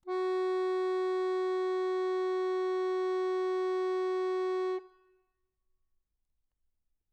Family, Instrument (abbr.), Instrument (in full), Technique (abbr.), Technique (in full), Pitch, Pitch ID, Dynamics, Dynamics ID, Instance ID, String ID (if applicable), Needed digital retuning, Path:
Keyboards, Acc, Accordion, ord, ordinario, F#4, 66, mf, 2, 0, , FALSE, Keyboards/Accordion/ordinario/Acc-ord-F#4-mf-N-N.wav